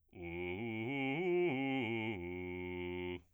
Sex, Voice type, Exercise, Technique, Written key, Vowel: male, bass, arpeggios, fast/articulated piano, F major, u